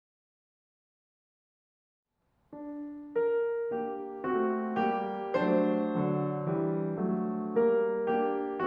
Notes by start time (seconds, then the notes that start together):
2.54 D4
3.12 A#4
3.73 A#3 D4 G4
4.23 A3 C4 F#4
4.77 G3 A#3 G4
5.34 F#3 A3 D4 C5
5.79 D3 F#3
6.47 E3 G3
7.01 F#3 A3
7.71 G3 A#3 A#4
8.21 A#3 D4 G4